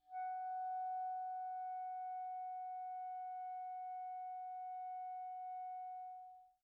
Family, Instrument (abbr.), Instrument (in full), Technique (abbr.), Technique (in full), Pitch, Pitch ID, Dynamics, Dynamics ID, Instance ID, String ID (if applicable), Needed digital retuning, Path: Winds, ClBb, Clarinet in Bb, ord, ordinario, F#5, 78, pp, 0, 0, , TRUE, Winds/Clarinet_Bb/ordinario/ClBb-ord-F#5-pp-N-T11d.wav